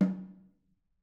<region> pitch_keycenter=60 lokey=60 hikey=60 volume=14.657715 offset=211 lovel=66 hivel=99 seq_position=1 seq_length=2 ampeg_attack=0.004000 ampeg_release=15.000000 sample=Membranophones/Struck Membranophones/Snare Drum, Modern 2/Snare3M_HitNS_v4_rr1_Mid.wav